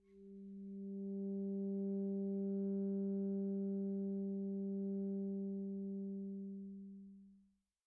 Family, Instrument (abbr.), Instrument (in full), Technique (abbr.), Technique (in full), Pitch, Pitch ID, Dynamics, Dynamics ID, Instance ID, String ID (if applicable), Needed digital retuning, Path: Winds, ASax, Alto Saxophone, ord, ordinario, G3, 55, pp, 0, 0, , FALSE, Winds/Sax_Alto/ordinario/ASax-ord-G3-pp-N-N.wav